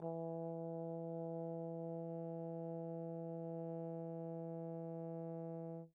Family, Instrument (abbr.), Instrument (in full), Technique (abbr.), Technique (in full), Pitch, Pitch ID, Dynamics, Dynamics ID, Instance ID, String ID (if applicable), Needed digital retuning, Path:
Brass, Tbn, Trombone, ord, ordinario, E3, 52, pp, 0, 0, , FALSE, Brass/Trombone/ordinario/Tbn-ord-E3-pp-N-N.wav